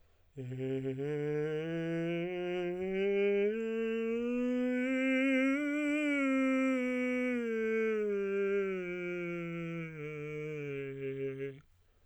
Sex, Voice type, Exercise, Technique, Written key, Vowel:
male, tenor, scales, breathy, , e